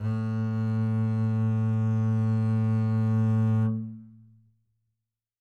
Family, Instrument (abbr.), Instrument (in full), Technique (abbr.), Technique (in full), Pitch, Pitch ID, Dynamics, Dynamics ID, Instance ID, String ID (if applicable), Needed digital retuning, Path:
Strings, Cb, Contrabass, ord, ordinario, A2, 45, mf, 2, 1, 2, FALSE, Strings/Contrabass/ordinario/Cb-ord-A2-mf-2c-N.wav